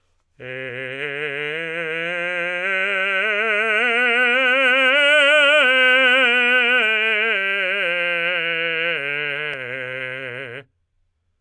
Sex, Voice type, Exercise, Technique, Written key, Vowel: male, tenor, scales, slow/legato forte, C major, e